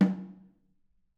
<region> pitch_keycenter=60 lokey=60 hikey=60 volume=12.259584 offset=212 lovel=100 hivel=127 seq_position=1 seq_length=2 ampeg_attack=0.004000 ampeg_release=15.000000 sample=Membranophones/Struck Membranophones/Snare Drum, Modern 2/Snare3M_HitNS_v5_rr1_Mid.wav